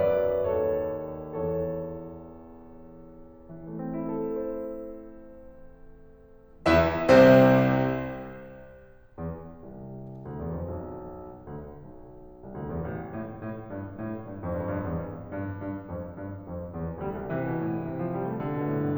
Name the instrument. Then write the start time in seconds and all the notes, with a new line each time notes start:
piano
0.00 F#2 F#3 B4 D5
0.44 D#2 D#3 A4 C#5
1.49 E2 E3 A4 C#5
3.51 E3
3.67 A3
3.83 C4
3.97 E4
4.12 A4
4.23 C5
6.70 E2 E3 E4 E5
7.06 C2 C3 C4 C5
9.17 E2
9.67 C2
10.24 D2
10.36 E2
10.55 F2
10.72 B1
11.47 D2
11.77 B1
12.48 C2
12.59 D2
12.74 E2
12.88 A1
13.17 A2
13.43 A2
13.69 G2
13.97 A2
14.22 G2
14.44 F2
14.52 G2
14.59 F2
14.66 G2
14.73 F2
14.80 G2
14.87 E2
15.05 F2
15.33 G2
15.67 G2
15.91 F2
16.15 G2
16.47 F2
16.73 E2
17.01 D2 G3
17.14 C2
17.32 C3 E3
17.44 B2
17.57 A2
17.74 G2
17.87 C3
18.01 F3
18.15 G3
18.29 A3
18.41 D3
18.56 B2
18.68 A2
18.81 G2